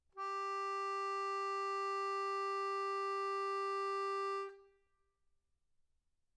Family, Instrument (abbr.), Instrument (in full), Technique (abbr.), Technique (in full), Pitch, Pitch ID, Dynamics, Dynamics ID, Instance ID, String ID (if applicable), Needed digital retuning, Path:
Keyboards, Acc, Accordion, ord, ordinario, G4, 67, mf, 2, 1, , FALSE, Keyboards/Accordion/ordinario/Acc-ord-G4-mf-alt1-N.wav